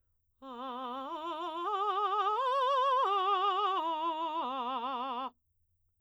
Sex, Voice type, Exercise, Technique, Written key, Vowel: female, soprano, arpeggios, vibrato, , a